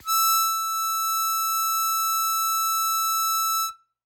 <region> pitch_keycenter=88 lokey=87 hikey=89 volume=4.605333 trigger=attack ampeg_attack=0.100000 ampeg_release=0.100000 sample=Aerophones/Free Aerophones/Harmonica-Hohner-Super64/Sustains/Accented/Hohner-Super64_Accented_E5.wav